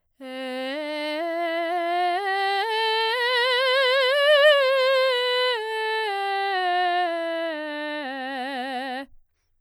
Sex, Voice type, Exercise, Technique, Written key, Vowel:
female, soprano, scales, slow/legato forte, C major, e